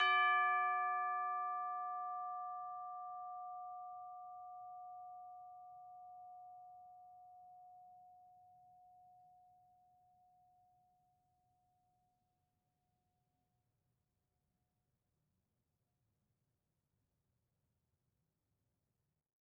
<region> pitch_keycenter=74 lokey=74 hikey=75 volume=19.874688 lovel=0 hivel=83 ampeg_attack=0.004000 ampeg_release=30.000000 sample=Idiophones/Struck Idiophones/Tubular Bells 2/TB_hit_D5_v2_2.wav